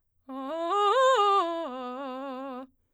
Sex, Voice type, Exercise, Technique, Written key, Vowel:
female, soprano, arpeggios, fast/articulated forte, C major, a